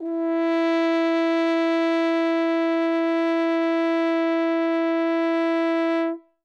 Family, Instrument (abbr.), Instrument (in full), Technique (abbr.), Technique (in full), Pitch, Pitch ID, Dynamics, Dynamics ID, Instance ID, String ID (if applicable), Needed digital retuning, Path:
Brass, Hn, French Horn, ord, ordinario, E4, 64, ff, 4, 0, , FALSE, Brass/Horn/ordinario/Hn-ord-E4-ff-N-N.wav